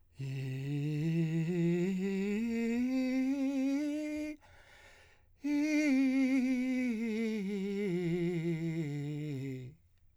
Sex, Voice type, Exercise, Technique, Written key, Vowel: male, , scales, breathy, , i